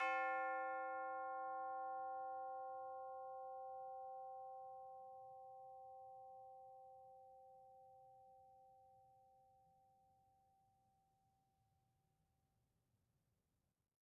<region> pitch_keycenter=60 lokey=60 hikey=61 volume=25.057604 lovel=0 hivel=83 ampeg_attack=0.004000 ampeg_release=30.000000 sample=Idiophones/Struck Idiophones/Tubular Bells 2/TB_hit_C4_v2_1.wav